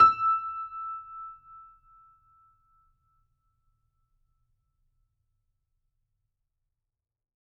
<region> pitch_keycenter=88 lokey=88 hikey=89 volume=0.093085 lovel=100 hivel=127 locc64=0 hicc64=64 ampeg_attack=0.004000 ampeg_release=0.400000 sample=Chordophones/Zithers/Grand Piano, Steinway B/NoSus/Piano_NoSus_Close_E6_vl4_rr1.wav